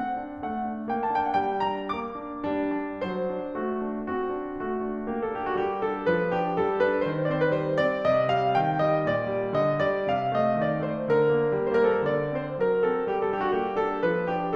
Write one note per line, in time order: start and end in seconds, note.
0.00 0.21 C4
0.00 0.48 F#5
0.21 0.48 D4
0.49 0.75 A3
0.49 1.01 F#5
0.77 1.01 D4
1.02 1.22 A#3
1.02 1.22 G5
1.23 1.42 D4
1.23 1.29 A5
1.29 1.34 G5
1.35 1.42 F#5
1.43 1.65 G3
1.43 1.65 G5
1.68 1.93 D4
1.68 1.93 A#5
1.93 2.15 A#3
1.93 2.43 D6
2.15 2.43 D4
2.44 2.73 G3
2.44 3.00 D4
2.74 3.00 D4
3.01 3.36 F#3
3.01 3.61 C5
3.37 3.61 D4
3.63 3.83 A3
3.63 4.10 F#4
3.84 4.10 D4
4.11 4.37 C4
4.11 4.61 F#4
4.37 4.61 D4
4.62 4.85 A3
4.62 5.05 F#4
4.86 5.05 D4
5.06 5.29 A#3
5.06 5.29 G4
5.31 5.55 D4
5.31 5.39 A4
5.40 5.48 G4
5.49 5.55 F#4
5.56 5.83 G3
5.56 5.83 G4
5.84 6.06 D4
5.84 6.06 A4
6.07 6.33 F3
6.07 6.33 B4
6.33 6.57 D4
6.33 6.57 G4
6.58 6.82 G3
6.58 6.82 A4
6.83 7.02 D4
6.83 7.02 B4
7.04 7.26 D#3
7.04 7.26 C5
7.28 7.52 C4
7.28 7.35 D5
7.37 7.44 C5
7.47 7.52 B4
7.53 7.79 G3
7.53 7.79 C5
7.80 8.01 C4
7.80 8.01 D5
8.02 8.27 C3
8.02 8.27 D#5
8.27 8.56 G3
8.27 8.56 F5
8.56 8.79 D#3
8.56 8.79 G5
8.81 9.01 G3
8.81 9.01 D#5
9.02 9.25 A#2
9.02 9.50 D5
9.26 9.50 G3
9.51 9.80 D3
9.51 9.80 D#5
9.81 10.08 G3
9.81 10.08 D5
10.09 10.37 C3
10.09 10.37 F5
10.37 10.57 A3
10.37 10.57 D#5
10.58 10.79 D#3
10.58 10.79 D5
10.80 11.01 A3
10.80 11.01 C5
11.03 11.26 D3
11.03 11.73 A#4
11.27 11.52 A#3
11.53 11.73 G3
11.74 12.03 A#3
11.74 11.82 C5
11.80 11.90 A#4
11.87 12.02 A4
11.97 12.03 A#4
12.07 12.41 D3
12.07 12.41 D5
12.41 12.60 C4
12.41 12.60 C5
12.61 12.84 F#3
12.61 12.84 A#4
12.84 13.07 C4
12.84 13.07 A4
13.08 13.32 A#3
13.08 13.32 G4
13.34 13.58 D4
13.34 13.42 A4
13.43 13.50 G4
13.50 13.58 F#4
13.60 13.82 G3
13.60 13.82 G4
13.83 14.05 D4
13.83 14.05 A4
14.07 14.34 F3
14.07 14.34 B4
14.35 14.55 D4
14.35 14.55 G4